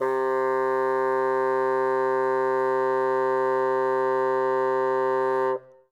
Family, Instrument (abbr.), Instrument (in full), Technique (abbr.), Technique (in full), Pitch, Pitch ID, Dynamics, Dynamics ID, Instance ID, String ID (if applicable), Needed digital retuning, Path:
Winds, Bn, Bassoon, ord, ordinario, C3, 48, ff, 4, 0, , TRUE, Winds/Bassoon/ordinario/Bn-ord-C3-ff-N-T12d.wav